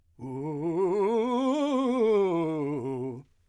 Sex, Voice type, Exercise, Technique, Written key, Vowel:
male, , scales, fast/articulated forte, C major, u